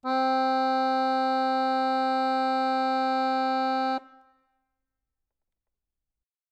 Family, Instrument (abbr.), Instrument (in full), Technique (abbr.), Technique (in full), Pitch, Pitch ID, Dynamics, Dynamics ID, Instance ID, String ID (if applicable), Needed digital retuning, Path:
Keyboards, Acc, Accordion, ord, ordinario, C4, 60, ff, 4, 0, , FALSE, Keyboards/Accordion/ordinario/Acc-ord-C4-ff-N-N.wav